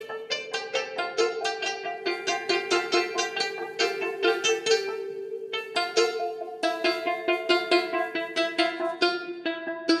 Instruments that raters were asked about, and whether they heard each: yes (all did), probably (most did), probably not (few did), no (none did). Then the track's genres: mandolin: probably not
ukulele: probably
Electronic; Ambient